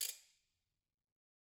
<region> pitch_keycenter=63 lokey=63 hikey=63 volume=18.576494 offset=180 seq_position=1 seq_length=2 ampeg_attack=0.004000 ampeg_release=1.000000 sample=Idiophones/Struck Idiophones/Ratchet/Ratchet2_Crank_v1_rr1_Mid.wav